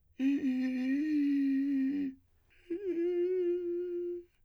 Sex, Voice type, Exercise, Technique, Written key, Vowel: male, , long tones, inhaled singing, , i